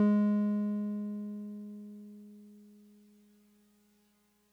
<region> pitch_keycenter=56 lokey=55 hikey=58 volume=12.047236 lovel=66 hivel=99 ampeg_attack=0.004000 ampeg_release=0.100000 sample=Electrophones/TX81Z/Piano 1/Piano 1_G#2_vl2.wav